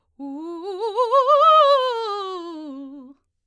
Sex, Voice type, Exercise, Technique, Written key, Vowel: female, soprano, scales, fast/articulated forte, C major, u